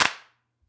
<region> pitch_keycenter=60 lokey=60 hikey=60 volume=0.856101 seq_position=4 seq_length=6 ampeg_attack=0.004000 ampeg_release=2.000000 sample=Idiophones/Struck Idiophones/Claps/Clap_rr3.wav